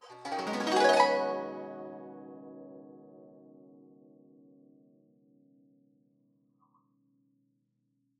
<region> pitch_keycenter=64 lokey=64 hikey=64 volume=3.059488 offset=1642 lovel=84 hivel=127 ampeg_attack=0.004000 ampeg_release=0.300000 sample=Chordophones/Zithers/Dan Tranh/Gliss/Gliss_Up_Med_ff_1.wav